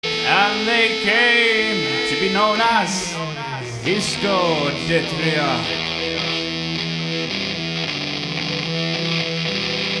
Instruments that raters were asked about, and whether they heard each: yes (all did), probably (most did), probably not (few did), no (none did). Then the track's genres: guitar: yes
Krautrock; Psych-Rock